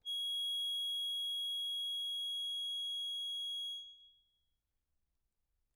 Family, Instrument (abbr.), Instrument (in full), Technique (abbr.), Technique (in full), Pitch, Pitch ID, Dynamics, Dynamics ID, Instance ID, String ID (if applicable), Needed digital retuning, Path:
Keyboards, Acc, Accordion, ord, ordinario, G#7, 104, mf, 2, 0, , TRUE, Keyboards/Accordion/ordinario/Acc-ord-G#7-mf-N-T10d.wav